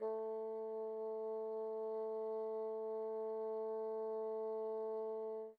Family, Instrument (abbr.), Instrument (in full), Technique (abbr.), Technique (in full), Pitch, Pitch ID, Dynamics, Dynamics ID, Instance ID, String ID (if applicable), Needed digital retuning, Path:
Winds, Bn, Bassoon, ord, ordinario, A3, 57, pp, 0, 0, , TRUE, Winds/Bassoon/ordinario/Bn-ord-A3-pp-N-T11d.wav